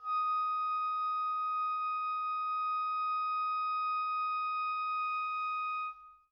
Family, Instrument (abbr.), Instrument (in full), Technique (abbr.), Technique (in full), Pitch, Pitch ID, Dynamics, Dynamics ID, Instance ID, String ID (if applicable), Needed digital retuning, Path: Winds, Ob, Oboe, ord, ordinario, D#6, 87, pp, 0, 0, , FALSE, Winds/Oboe/ordinario/Ob-ord-D#6-pp-N-N.wav